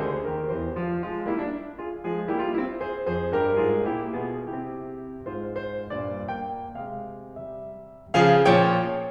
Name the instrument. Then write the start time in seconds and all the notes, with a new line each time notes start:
piano
0.00 D2 D3 G#4 C5
0.29 D#2 D#3 G4 A#4
0.53 E2 E3 G4 C5
0.77 F4
1.02 F3 G#3 F4
1.28 G3 A#3 E4
1.45 D4
1.56 C4
1.81 F4 G#4
2.07 F3 G#3 F4 G#4
2.32 G3 A#3 E4 G4
2.43 D4 F4
2.54 C4 E4
2.76 G#4 C5
3.13 F2 F3 G#4 C5
3.36 G2 G3 G4 A#4
3.66 G#2 G#3 F4 G#4
3.92 A#2 A#3 E4 G4
4.21 B2 B3 F4 G#4
4.52 C3 C4 E4 G4
5.29 G#2 G#3 F4 C5
5.63 C5
5.93 G2 A#2 D5
6.33 A#3 G5
6.82 C3 G#3 F5
7.30 G3 E5
8.16 C#3 F3 G#4 F5
8.46 A#2 F3 C#5 G5